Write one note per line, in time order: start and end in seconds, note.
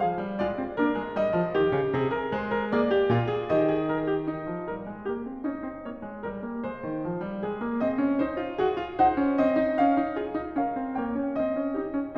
0.00 0.19 F3
0.00 0.38 G#4
0.00 0.39 F5
0.19 0.38 G3
0.38 0.59 G#3
0.38 0.79 F4
0.38 0.80 D5
0.59 0.79 C4
0.79 0.95 A#3
0.79 1.16 D4
0.79 1.17 A#4
0.95 1.16 G#3
1.16 1.36 G3
1.16 2.71 D#5
1.36 1.57 F3
1.57 1.72 D#3
1.57 1.90 G4
1.72 1.90 C#3
1.90 2.31 C3
1.90 2.12 G#4
2.12 2.31 A#4
2.31 2.69 G#3
2.31 2.50 C5
2.50 2.69 A#4
2.69 3.11 A#3
2.69 2.93 G#4
2.69 3.49 C#5
2.93 3.11 G4
3.11 3.48 A#2
3.11 3.30 F4
3.30 3.48 G#4
3.48 4.25 D#3
3.48 3.72 G4
3.48 4.26 D#5
3.72 3.88 G#4
3.88 4.10 A#4
4.10 4.25 G4
4.25 4.67 D#4
4.48 4.67 F3
4.67 4.86 G3
4.67 5.07 A#4
4.86 5.07 G#3
5.07 5.26 A#3
5.07 5.45 G4
5.26 5.45 C4
5.45 5.62 C#4
5.45 5.83 D#4
5.62 5.83 C4
5.83 6.03 A#3
5.83 6.21 C#5
6.03 6.21 G#3
6.21 6.43 G3
6.21 6.62 A#4
6.43 6.62 A#3
6.62 6.80 G#3
6.62 7.43 C5
6.80 7.00 D#3
7.00 7.21 F3
7.21 7.43 G3
7.43 7.63 G#3
7.43 7.81 G#4
7.63 7.80 A#3
7.80 7.96 C4
7.80 8.22 D#5
7.96 8.21 C#4
8.21 8.39 D#4
8.21 8.60 C5
8.39 8.60 F4
8.60 8.75 F#4
8.60 8.93 G#4
8.75 8.92 F4
8.92 9.13 D#4
8.92 9.37 C5
8.92 9.38 F#5
9.13 9.37 C#4
9.37 9.58 C4
9.37 10.16 D#5
9.58 9.79 D#4
9.79 10.01 C#4
9.79 10.61 F5
10.01 10.16 D#4
10.16 10.37 F4
10.16 10.60 G#4
10.37 10.60 D#4
10.60 10.80 C#4
10.60 11.01 A#4
10.60 11.01 F5
10.80 11.01 C4
11.01 11.17 A#3
11.01 11.80 C#5
11.01 11.41 G5
11.17 11.40 C#4
11.40 11.60 C4
11.40 12.18 D#5
11.60 11.80 C#4
11.80 11.98 D#4
11.80 12.18 G4
11.98 12.18 C#4